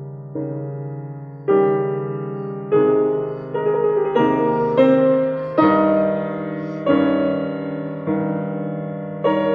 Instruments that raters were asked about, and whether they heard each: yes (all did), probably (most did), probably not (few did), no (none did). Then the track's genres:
piano: yes
guitar: no
Classical